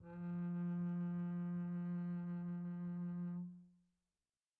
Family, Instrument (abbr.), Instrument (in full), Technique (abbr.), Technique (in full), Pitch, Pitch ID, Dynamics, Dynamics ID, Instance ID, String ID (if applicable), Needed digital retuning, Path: Strings, Cb, Contrabass, ord, ordinario, F3, 53, pp, 0, 2, 3, TRUE, Strings/Contrabass/ordinario/Cb-ord-F3-pp-3c-T35d.wav